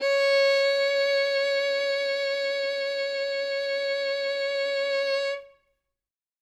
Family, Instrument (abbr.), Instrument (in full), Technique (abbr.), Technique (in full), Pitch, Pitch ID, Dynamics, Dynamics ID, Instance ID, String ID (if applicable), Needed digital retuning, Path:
Strings, Vn, Violin, ord, ordinario, C#5, 73, ff, 4, 3, 4, TRUE, Strings/Violin/ordinario/Vn-ord-C#5-ff-4c-T10u.wav